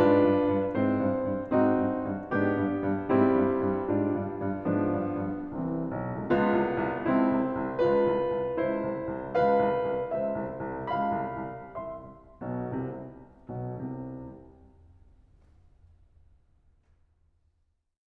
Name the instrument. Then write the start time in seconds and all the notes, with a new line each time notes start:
piano
0.00 G#2 D4 F4 B4
0.22 G2
0.49 G2
0.77 G#2 C4 E4 C5
1.02 G2
1.27 G2
1.49 G#2 C4 D#4 F#4
1.73 G2
1.99 G2
2.32 G#2 B3 D4 G4
2.58 G2
2.87 G2
3.09 G#2 G3 C4 E4
3.36 G2
3.61 G2
3.89 G#2 D4 F4
4.11 G2
4.40 G2
4.70 G#2 F3 B3 D4
4.95 G2
5.24 G2
5.51 C2 E3 G3 C4
5.84 C2
5.96 B1
6.11 C2
6.23 C#2 B3 F4
6.52 C2
6.82 C2
7.07 C#2 C4 E4
7.31 C2
7.59 C2
7.83 C#2 F4 B4
8.07 C2
8.30 C2
8.52 C#2 E4 C5
8.82 C2
9.07 C2
9.31 C#2 B4 F5
9.60 C2
9.89 C2
10.11 C#2 C5 E5
10.38 C2
10.66 C2
10.89 C#2 F5 B5
11.15 C2
11.41 C2
11.77 C2 E5 C6
12.41 B1 B2
12.76 C2 C3
13.35 B1 B2
13.79 C2 C3
17.39 C3